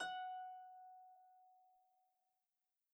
<region> pitch_keycenter=78 lokey=78 hikey=79 tune=-2 volume=22.668239 xfout_lovel=70 xfout_hivel=100 ampeg_attack=0.004000 ampeg_release=30.000000 sample=Chordophones/Composite Chordophones/Folk Harp/Harp_Normal_F#4_v2_RR1.wav